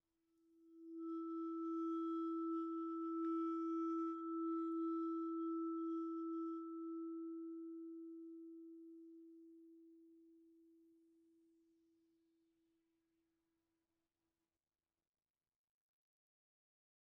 <region> pitch_keycenter=64 lokey=61 hikey=65 volume=18.542985 offset=21297 ampeg_attack=0.004000 ampeg_release=5.000000 sample=Idiophones/Struck Idiophones/Vibraphone/Bowed/Vibes_bowed_E3_rr1_Main.wav